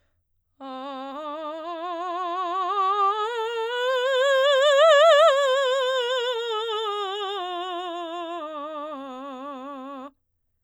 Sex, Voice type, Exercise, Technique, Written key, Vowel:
female, soprano, scales, slow/legato forte, C major, a